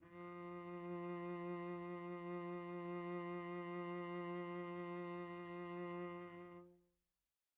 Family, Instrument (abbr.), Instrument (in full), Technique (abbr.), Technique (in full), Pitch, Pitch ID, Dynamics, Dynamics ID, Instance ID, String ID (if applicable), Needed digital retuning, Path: Strings, Vc, Cello, ord, ordinario, F3, 53, pp, 0, 1, 2, FALSE, Strings/Violoncello/ordinario/Vc-ord-F3-pp-2c-N.wav